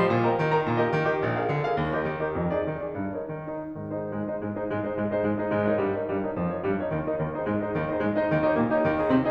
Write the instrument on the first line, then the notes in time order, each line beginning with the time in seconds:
piano
0.00 F3 C5 D#5 C6
0.13 A#2
0.29 A#4 D#5 G5 A#5
0.43 D#3
0.59 A#4 D#5 G5 A#5
0.75 A#2
0.84 G4 A#4 D#5
0.96 D#3
1.11 G4 A#4 D#5
1.25 A#1
1.38 G#4 A#4 F5
1.51 D3
1.65 G#4 A#4 F5
1.79 D#2
1.92 G4 A#4 D#5
2.04 D#3
2.23 G4 A#4 D#5
2.37 F2
2.53 D#4 G#4 D5
2.68 D#3
2.86 D#4 G#4 D5
3.02 G2
3.15 D#4 A#4 C#5
3.29 D#3
3.46 D#4 A#4 C#5
3.56 G#2 F3
3.68 D#4 G#4 C5
3.83 G#2 G#3
3.99 D#4 G#4 C5 D#5
4.14 G#2 G#3
4.26 D#4 G#4 C5 D#5
4.41 G#2 G#3
4.55 D#4 G#4 C5 D#5
4.66 G#2 G#3
4.82 D#4 G#4 C5 D#5
4.97 G#2 G#3
5.12 D#4 G#4 C5 D#5
5.33 G#2 G#3
5.56 D#4 A#4 C#5 D#5
5.74 G2 G3
5.90 D#4 A#4 C#5 D#5
6.03 G2 G3
6.18 D#4 A#4 C#5 D#5
6.32 F2 F3
6.46 D#4 A#4 C#5 D#5
6.59 G2 G3
6.78 D#4 A#4 C#5 D#5
6.93 D#2 D#3
7.06 D#4 A#4 C#5 D#5
7.19 D#2 D#3
7.35 D#4 G#4 C5 D#5
7.49 G#2 G#3
7.64 D#4 G#4 C5 D#5
7.77 D#2 D#3
7.94 D#4 G#4 C5 D#5
8.03 G#2 G#3
8.16 D#4 G#4 C5 D#5
8.31 D#2 D#3
8.44 D#4 G4 C#5 D#5
8.60 A#2 A#3
8.75 D#4 G4 D#5
8.87 G#2 D#3
9.02 D#4 G#4 D#5
9.18 C4